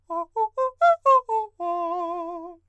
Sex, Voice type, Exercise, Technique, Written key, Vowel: male, countertenor, arpeggios, fast/articulated forte, F major, o